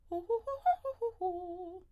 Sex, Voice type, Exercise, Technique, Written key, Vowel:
female, soprano, arpeggios, fast/articulated piano, F major, o